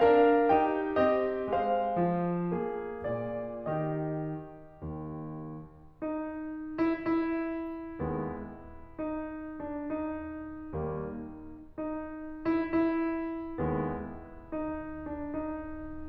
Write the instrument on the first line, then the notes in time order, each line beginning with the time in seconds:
piano
0.01 D4 A#4 F5
0.53 D#4 G4 G5
1.03 C4 G4 D#5
1.53 G#3 C5 F5
2.07 F3
2.54 A#3 G#4
3.08 A#2 D5
3.64 D#3 G#4 D#5
4.84 D#2
6.04 D#4
6.81 E4
7.03 E4
7.98 D#2 G#3 B3
8.93 D#4
9.63 D4
9.82 D#4
10.71 D#2 G3 A#3
11.43 D#4
12.29 E4
12.49 E4
13.58 D#2 G#3 B3
14.45 D#4
15.10 D4
15.28 D#4